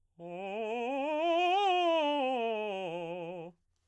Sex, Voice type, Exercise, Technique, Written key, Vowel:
male, baritone, scales, fast/articulated piano, F major, o